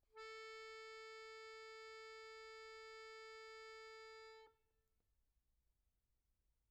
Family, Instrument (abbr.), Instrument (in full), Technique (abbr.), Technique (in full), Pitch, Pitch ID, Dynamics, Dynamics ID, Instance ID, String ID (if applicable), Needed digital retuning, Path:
Keyboards, Acc, Accordion, ord, ordinario, A4, 69, pp, 0, 1, , FALSE, Keyboards/Accordion/ordinario/Acc-ord-A4-pp-alt1-N.wav